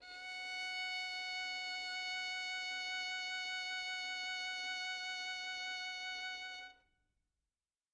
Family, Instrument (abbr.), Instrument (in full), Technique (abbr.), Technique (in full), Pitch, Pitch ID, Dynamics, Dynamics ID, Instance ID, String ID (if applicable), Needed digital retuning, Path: Strings, Vn, Violin, ord, ordinario, F#5, 78, mf, 2, 1, 2, FALSE, Strings/Violin/ordinario/Vn-ord-F#5-mf-2c-N.wav